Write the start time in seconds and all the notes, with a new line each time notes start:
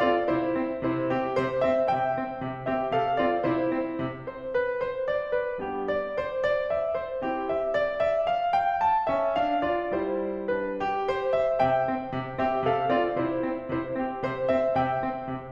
0.00 C4 F4 D5
0.29 C3 E4 C5
0.56 C4
0.80 C3 E4 C5
1.08 C4 G4
1.36 C3 C5
1.63 C4 E5
1.90 C3 E5 G5
2.18 C4
2.41 C3
2.71 C4 G4 E5
2.91 C3 A4 F5
3.19 C4 F4 D5
3.46 C3 E4 C5
3.74 C4
4.04 C3
4.33 C5
4.59 B4
4.93 C5
5.10 D5
5.33 B4
5.56 G3 B3 D4 G4
5.83 D5
6.15 C5
6.44 D5
6.70 E5
7.01 C5
7.23 C4 E4 G4
7.49 E5
7.72 D5
8.01 E5
8.30 F5
8.56 G5
8.84 A5
9.09 C#4 E5
9.40 D4 F5
9.65 F4 D5
9.96 G3 E4 C5
10.51 D4 B4
10.80 G4
11.09 C5
11.35 E5
11.62 C3 E5 G5
11.88 C4
12.16 C3
12.36 C4 G4 E5
12.59 C3 A4 F5
12.88 C4 F4 D5
13.17 C3 E4 C5
13.42 C4
13.69 C3 E4 C5
13.94 C4 G4
14.22 C3 C5
14.51 C4 E5
14.77 C3 E5 G5
14.99 C4
15.28 C3